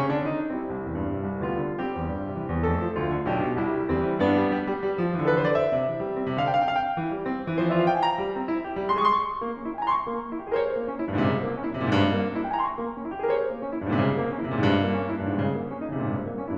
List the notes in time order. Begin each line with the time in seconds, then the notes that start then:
0.00 C#3 C#4
0.15 D3 D4
0.34 D#3 D#4
0.53 G3 C4 E4
0.73 C2
0.87 E2
0.99 G2
1.15 C3
1.32 C2
1.50 D2 G3 B3 F4
1.65 D3
1.81 G3 C4 G4
1.97 E2
2.11 G2
2.23 C3
2.36 E3
2.51 E2
2.67 F2 A3 A4
2.77 F3
2.95 D2 F4
3.10 D3
3.29 B1 D4 G4
3.46 B2
3.61 C2 G3 E4
3.75 C3
3.89 E2 G3 C4
4.01 E3
4.20 G2 B3 D4
4.37 G3
4.50 G3
4.66 G3
4.84 G3
4.99 F3
5.15 E3 G4
5.25 A4
5.32 B4
5.36 D3 C5
5.48 D5
5.56 E5
5.75 C3
5.91 E3
5.99 G3
6.12 C4
6.25 C3
6.40 D3 F5
6.58 D4
6.76 G5
6.98 E3
7.14 G3
7.29 C4
7.47 E4
7.64 E3
7.77 F3 D5 E5
7.84 F4 F5
7.89 G5
7.95 G#5
8.02 A#5
8.17 G3
8.35 C4
8.48 E4
8.63 G4
8.78 G3
8.93 G#3 C6
9.04 G#4
9.24 C#6
9.40 A#3
9.58 C#4
9.75 E4 G5 G#5
9.83 A#5 C6
9.91 C#6
10.08 A#3
10.22 C#4
10.38 E4 G4
10.44 G#4 A#4
10.52 C5 C#5
10.69 A#3
10.89 C#4
11.05 G2 E4
11.12 G#2
11.18 A#2 C3
11.26 C#3
11.45 A#3
11.59 C#4
11.74 C#3 E4
11.78 A#2 C3
11.90 G#2
11.95 G2
12.14 A#3
12.31 C#4
12.45 E4 G5
12.49 G#5
12.54 A#5 C6
12.62 C#6
12.78 A#3
12.95 C#4
13.11 E4 G4 G#4
13.19 A#4
13.24 C5 C#5
13.39 A#3
13.55 C#4
13.72 G2 E4
13.78 G#2 A#2
13.86 C3
13.96 C#3
14.14 A#3
14.23 C#4
14.40 C3 C#3 E4
14.50 G#2 A#2
14.57 G2
14.76 A#3
14.94 C#4
15.15 G2 D#4
15.27 G#2 A#2
15.35 C3 C#3
15.55 A#3
15.70 C#4
15.86 C#3 E4
15.91 C3
15.96 A#2
16.01 G#2
16.08 G2
16.25 A#3
16.43 C#4